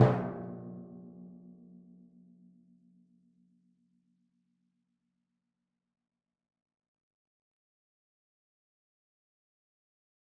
<region> pitch_keycenter=46 lokey=45 hikey=47 tune=12 volume=11.869249 lovel=100 hivel=127 seq_position=2 seq_length=2 ampeg_attack=0.004000 ampeg_release=30.000000 sample=Membranophones/Struck Membranophones/Timpani 1/Hit/Timpani2_Hit_v4_rr2_Sum.wav